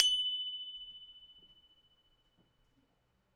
<region> pitch_keycenter=90 lokey=90 hikey=92 tune=-3 volume=3.453590 lovel=100 hivel=127 ampeg_attack=0.004000 ampeg_release=30.000000 sample=Idiophones/Struck Idiophones/Tubular Glockenspiel/F#1_loud1.wav